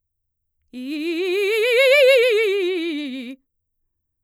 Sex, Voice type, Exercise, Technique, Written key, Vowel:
female, mezzo-soprano, scales, fast/articulated forte, C major, i